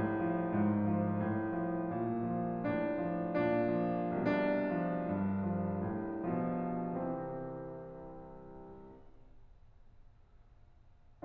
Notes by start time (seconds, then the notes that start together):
0.00 C2 D4
0.19 F3
0.39 G2
0.64 F3
0.87 G#2
1.14 F3
1.37 A2
1.64 F3
1.89 G#2
2.14 F3
2.38 A2
2.65 F3
2.90 A#2
3.13 F3
3.38 A2 D4
3.61 F3
3.87 A#2 D4
4.20 F3
4.53 C2 B2 D4
4.82 F3
5.13 G2
5.50 F3
5.80 A2
6.30 B2 F3
6.86 C3 E3 C4